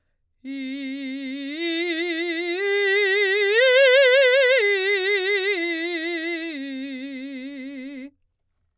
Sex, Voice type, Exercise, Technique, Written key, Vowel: female, soprano, arpeggios, vibrato, , i